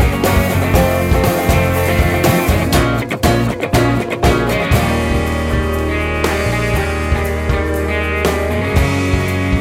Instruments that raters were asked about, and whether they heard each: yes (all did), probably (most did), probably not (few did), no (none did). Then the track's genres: saxophone: no
Pop; Folk; Singer-Songwriter